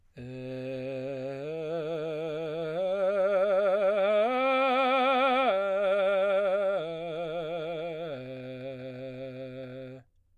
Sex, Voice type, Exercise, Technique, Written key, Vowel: male, baritone, arpeggios, vibrato, , e